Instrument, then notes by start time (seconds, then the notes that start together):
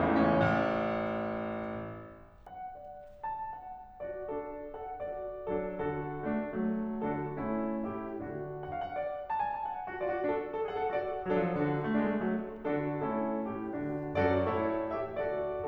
piano
0.01 A2 E3
0.12 A3
0.24 C#4
0.35 A1
2.48 F#5
2.82 D5
3.26 A5
3.50 F#5
4.02 F#4 D5
4.29 D4 A4
4.75 A4 F#5
4.97 F#4 D5
5.46 F#3 D4 A4
5.81 D3 F#4
6.26 A3 D4
6.51 F#3 A3
6.97 D3 D4 F#4
7.31 A3 C#4 E4
7.87 A2 E4 G4
8.14 D3 D4 F#4 A4
8.61 F#5
8.74 F5
8.84 F#5
8.93 D5
9.31 A5
9.40 G#5
9.53 A5
9.64 F#5
9.91 F#4
10.01 F4 D5
10.09 F#4
10.22 D4 A4
10.56 A4
10.68 G#4 F#5
10.83 A4
10.92 F#4 D5
11.21 F#3
11.33 F3 D4 A4
11.46 F#3
11.63 D3 A4
11.96 A3
12.05 G#3 D4
12.13 A3
12.27 F#3 A3
12.72 D3 D4 F#4 A4
13.01 A3
13.45 A2 E4 G4
13.74 D3 D4 F#4
14.18 F#2 F#4 A4 D5
14.53 G2 E4 A4 C#5
14.91 A1 G4 A4 E5
15.18 D2 F#4 A4 D5